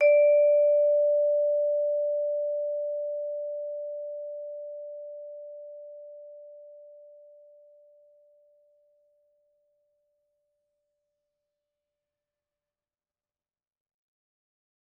<region> pitch_keycenter=74 lokey=73 hikey=75 volume=2.605836 offset=117 lovel=84 hivel=127 ampeg_attack=0.004000 ampeg_release=15.000000 sample=Idiophones/Struck Idiophones/Vibraphone/Soft Mallets/Vibes_soft_D4_v2_rr1_Main.wav